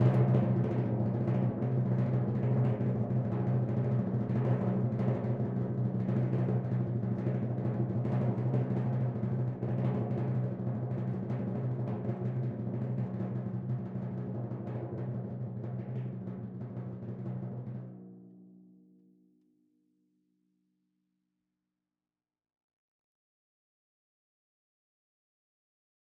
<region> pitch_keycenter=46 lokey=45 hikey=47 volume=15.953784 lovel=84 hivel=127 ampeg_attack=0.004000 ampeg_release=1.000000 sample=Membranophones/Struck Membranophones/Timpani 1/Roll/Timpani2_Roll_v5_rr1_Sum.wav